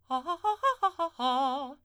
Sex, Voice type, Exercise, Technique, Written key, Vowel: female, soprano, arpeggios, fast/articulated forte, C major, a